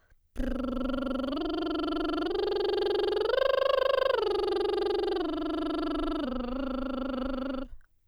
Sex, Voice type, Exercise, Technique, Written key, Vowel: female, soprano, arpeggios, lip trill, , o